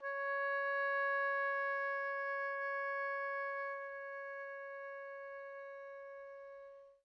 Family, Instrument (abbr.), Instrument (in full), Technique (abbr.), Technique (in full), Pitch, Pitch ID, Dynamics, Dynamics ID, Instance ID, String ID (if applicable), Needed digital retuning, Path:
Winds, Ob, Oboe, ord, ordinario, C#5, 73, pp, 0, 0, , FALSE, Winds/Oboe/ordinario/Ob-ord-C#5-pp-N-N.wav